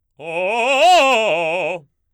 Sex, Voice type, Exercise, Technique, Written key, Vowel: male, baritone, arpeggios, fast/articulated forte, F major, o